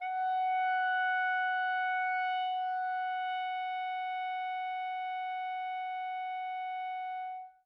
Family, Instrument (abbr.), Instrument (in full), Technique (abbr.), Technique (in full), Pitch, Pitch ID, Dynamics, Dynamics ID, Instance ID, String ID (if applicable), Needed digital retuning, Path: Winds, ClBb, Clarinet in Bb, ord, ordinario, F#5, 78, mf, 2, 0, , FALSE, Winds/Clarinet_Bb/ordinario/ClBb-ord-F#5-mf-N-N.wav